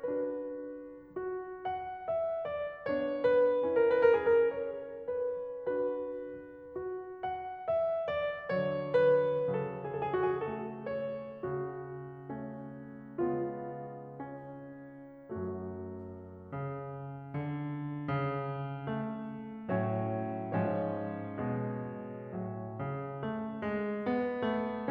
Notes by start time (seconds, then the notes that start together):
0.00 D4 F#4 B4
1.16 F#4
1.68 F#5
2.09 E5
2.47 D5
2.90 B3 D4 C#5
3.26 B4
3.63 C#4 E4 A#4
3.94 B4
4.04 A#4
4.14 G#4
4.47 A#4
4.57 C#5
5.07 B4
5.85 D4 F#4 B4
6.79 F#4
7.19 F#5
7.70 E5
8.10 D5
8.60 D3 F#3 C#5
8.95 B4
9.47 C#3 A4
9.91 B4
10.07 A4
10.27 G#4
10.43 A3 A4
10.94 C#5
11.42 C#3 F#4
12.28 A3 C#4
13.20 C#3 G#3 B3 F4
14.09 C#4
15.36 F#2 F#3 A3 F#4
16.47 C#3
17.38 D3
18.11 C#3
18.98 A3
19.74 A2 F#3 C#4 C#5
20.61 G#2 F3 C#4 C#5
21.46 B2 G#3
22.35 A2 F#3
22.81 C#3
23.28 A3
23.63 G#3
24.02 B3
24.44 A3